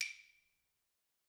<region> pitch_keycenter=61 lokey=61 hikey=61 volume=10.961643 offset=190 lovel=100 hivel=127 ampeg_attack=0.004000 ampeg_release=15.000000 sample=Idiophones/Struck Idiophones/Claves/Claves2_Hit_v3_rr1_Mid.wav